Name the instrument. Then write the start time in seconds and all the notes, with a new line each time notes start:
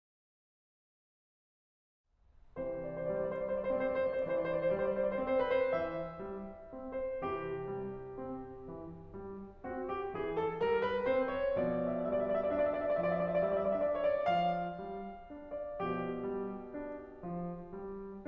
piano
2.08 C3 E3 C5
2.59 D5
2.79 C5
2.94 D5
3.13 G3 C5
3.31 D5
3.45 C5
3.56 D5
3.68 C4 C5
3.76 D5
3.90 C5
4.04 D5
4.24 E3 C5
4.35 D5
4.48 C5
4.62 D5
4.75 G3 C5
4.84 D5
4.99 C5
5.11 D5
5.19 C4 C5
5.30 D5
5.44 B4
5.55 C5
5.70 E3 E5
6.26 G3
6.73 C4
7.12 C5
7.27 C3 E3 G4
7.74 G3
8.22 C4
8.67 E3
9.15 G3
9.64 C4 F#4
9.90 G4
10.15 E3 G#4
10.38 A4
10.65 G3 A#4
10.84 B4
11.05 C4 C5
11.30 C#5
11.56 B2 F3 D5
11.70 E5
11.83 D5
11.99 E5
12.10 G3 D5
12.22 E5
12.32 D5
12.41 E5
12.54 D4 D5
12.65 E5
12.76 D5
12.87 E5
12.97 F3 D5
13.08 E5
13.20 D5
13.33 E5
13.46 G3 D5
13.57 E5
13.65 D5
13.73 E5
13.82 D4 D5
13.92 E5
14.04 C#5
14.18 D5
14.28 F3 F5
14.84 G3
15.34 D4
15.65 D5
15.77 B2 F3 G4
16.24 G3
16.74 D4
17.24 F3
17.70 G3